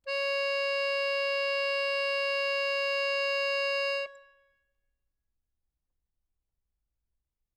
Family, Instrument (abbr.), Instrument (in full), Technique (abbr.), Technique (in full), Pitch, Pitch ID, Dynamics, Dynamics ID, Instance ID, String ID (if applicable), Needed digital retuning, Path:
Keyboards, Acc, Accordion, ord, ordinario, C#5, 73, ff, 4, 2, , FALSE, Keyboards/Accordion/ordinario/Acc-ord-C#5-ff-alt2-N.wav